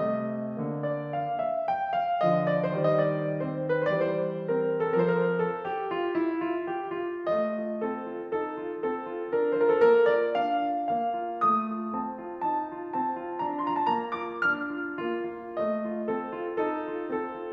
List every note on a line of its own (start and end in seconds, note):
0.00 0.57 C3
0.00 0.57 A3
0.00 0.91 D#5
0.58 1.66 D3
0.58 1.66 A#3
0.92 1.15 D5
1.15 1.36 F5
1.36 1.66 E5
1.67 1.90 G5
1.92 2.25 F5
2.25 2.71 D3
2.25 2.71 F3
2.25 2.46 D#5
2.47 2.71 D5
2.72 3.88 D#3
2.72 3.39 G3
2.72 2.84 C5
2.81 2.95 D5
2.88 3.08 D#5
3.03 3.39 D5
3.41 3.88 C4
3.41 3.88 C5
3.90 4.99 E3
3.90 4.48 G3
3.90 4.12 B4
4.06 4.20 C5
4.16 4.33 D5
4.24 4.48 C5
4.48 4.99 C4
4.48 4.99 A#4
5.00 6.18 F3
5.00 6.18 C4
5.00 5.12 A4
5.06 5.19 A#4
5.14 5.29 C5
5.26 5.36 A#4
5.32 5.58 A4
5.60 5.92 G4
5.93 6.18 F4
6.19 6.44 E4
6.48 6.72 F4
6.72 6.98 G4
6.99 7.27 F4
7.28 7.58 A3
7.28 7.84 D#5
7.59 7.84 F4
7.85 8.08 C4
7.85 8.30 A4
8.13 8.30 F4
8.31 8.61 D#4
8.31 8.89 A4
8.63 8.89 F4
8.89 9.09 C4
8.89 9.26 A4
9.09 9.26 F4
9.28 9.49 D4
9.28 9.49 A#4
9.50 9.78 F4
9.50 9.57 C5
9.58 9.65 A#4
9.66 9.78 A4
9.79 10.05 A#3
9.79 10.05 A#4
10.07 10.37 F4
10.07 10.37 D5
10.38 10.67 D4
10.38 10.84 F5
10.68 10.84 F4
10.84 11.08 A#3
10.84 11.37 F5
11.11 11.37 F4
11.38 11.69 A3
11.38 11.91 D#6
11.70 11.91 F4
11.92 12.17 C4
11.92 12.41 A5
12.18 12.41 F4
12.42 12.69 D#4
12.42 12.96 A5
12.70 12.96 F4
12.96 13.19 C4
12.96 13.39 A5
13.19 13.39 F4
13.40 13.58 D4
13.40 13.58 A#5
13.60 13.82 F4
13.60 13.64 C6
13.65 13.75 A#5
13.75 13.82 A5
13.83 14.09 A#3
13.83 14.09 A#5
14.11 14.50 F4
14.11 14.50 D6
14.51 14.78 D4
14.51 15.00 F6
14.79 15.00 F4
15.00 15.29 A#3
15.00 15.56 F4
15.29 15.56 F4
15.57 15.82 A3
15.57 16.09 D#5
15.84 16.09 F4
16.10 16.31 C4
16.10 16.57 A4
16.31 16.57 F4
16.58 16.87 D#4
16.58 17.09 A4
16.88 17.09 F4
17.09 17.31 C4
17.09 17.52 A4
17.31 17.52 F4